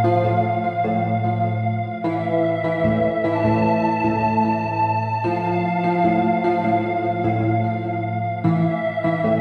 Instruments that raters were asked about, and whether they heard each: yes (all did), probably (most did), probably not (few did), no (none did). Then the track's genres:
organ: probably not
voice: no
Electronic; IDM; Downtempo